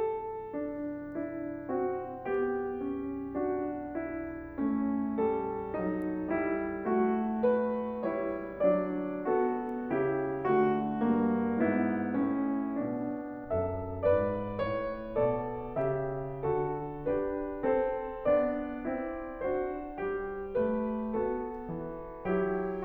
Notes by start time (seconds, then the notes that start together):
0.01 A4
0.55 D4
1.19 D4 E4
1.71 C4 F#4
2.26 B3 G4
2.80 C#4
3.38 D4 F#4
4.00 E4
4.58 A3 C#4
5.28 G3 A4
5.79 F#3 D#4
6.34 G3 E4
6.89 A3 F#4
7.44 B4
8.12 G3 E4 C#5
8.61 F#3 D4 D5
9.29 B3 A4
9.91 C#3 E4 G4
10.49 D3 A3 F#4
10.99 G2 A#3
11.66 G#2 B3 E4
12.23 A2 C#4
12.83 B2 D4
13.52 F#2 A4 E5
14.07 G#2 B4 D5
14.55 G2 C#5
15.17 B2 A4 D5
15.77 C#3 G4 E5
16.42 D3 F#4 A4
17.05 D4 G4 B4
17.64 C4 A4 C5
18.27 B3 D4 D5
18.88 C4 E4
19.38 D4 F#4 C5
20.01 G3 G4
20.53 A3 B4
21.21 B3 F#4 A4
21.65 E3
22.27 F#3 E4 G4